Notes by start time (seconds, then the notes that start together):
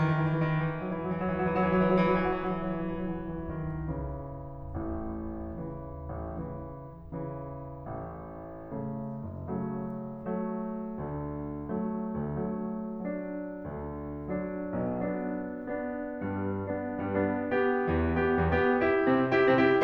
0.01 E3
0.13 F#3
0.23 E3
0.36 F#3
0.48 E3
0.59 F#3
0.70 E3
0.85 F#3
0.98 E3
1.13 F#3
1.23 E3
1.35 F#3
1.47 E3
1.60 F#3
1.73 E3
1.85 F#3
1.95 E3
2.07 F#3
2.16 E3
2.30 F#3
2.41 E3
2.53 F#3
2.66 E3
2.77 F#3
2.91 E3
3.07 F#3
3.20 E3
3.34 F#3
3.48 E3
3.61 F#3
3.75 D#3
3.88 E3
4.03 C#3 E3
4.78 A1 A2
5.54 C#3 E3
6.13 A1 A2
6.36 C#3 E3
6.99 C#3 E3
7.87 A1 A2
8.61 C#3 A3
9.22 F#1 F#2
9.57 C#3 F#3 A3
10.15 F#3 A3
10.99 D2 D3
11.69 F#3 A3
12.17 D2 D3
12.42 F#3 A3
12.98 F#3 A3
13.64 D2 D3
14.34 F#3 D4
14.77 B1 B2
14.98 F#3 D4
15.52 B3 D4
16.17 G2 G3
16.73 B3 D4
17.08 G2 G3
17.22 B3 D4
17.38 B3 D4
17.62 G2 G3
18.11 B3 G4
18.39 E2 E3
18.49 B3 G4
18.78 E4 G4
19.06 C3 C4
19.32 E4 G4
19.56 C3 C4
19.64 E4 G4